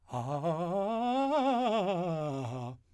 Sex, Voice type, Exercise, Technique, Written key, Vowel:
male, , scales, fast/articulated piano, C major, a